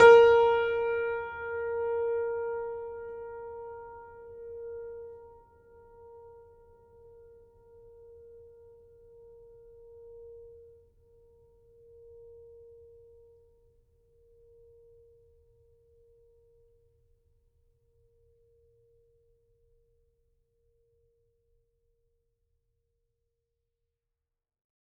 <region> pitch_keycenter=70 lokey=70 hikey=71 volume=-1.434345 lovel=66 hivel=99 locc64=65 hicc64=127 ampeg_attack=0.004000 ampeg_release=0.400000 sample=Chordophones/Zithers/Grand Piano, Steinway B/Sus/Piano_Sus_Close_A#4_vl3_rr1.wav